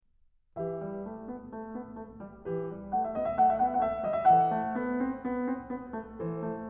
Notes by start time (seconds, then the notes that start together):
0.03 E3 G4 B4 E5
0.66 G3
1.06 A3
1.25 B3
1.51 A3
1.74 B3
1.96 A3
2.19 G3
2.47 E3 G4 B4
2.72 G3
2.92 A3 F#5
3.04 E5
3.16 B3 D#5
3.24 E5
3.35 A3 F#5
3.42 E5
3.48 F#5
3.53 E5
3.62 B3 F#5
3.70 E5
3.87 A3
4.07 G3 D#5
4.18 E5
4.28 E3 A4 C5 F#5
4.49 A3
4.78 B3
5.00 C4
5.21 B3
5.49 C4
5.75 B3
6.01 A3
6.21 E3 A4 C5
6.47 A3